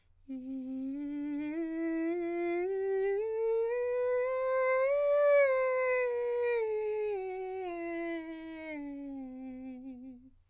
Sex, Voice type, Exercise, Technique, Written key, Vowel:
male, countertenor, scales, breathy, , i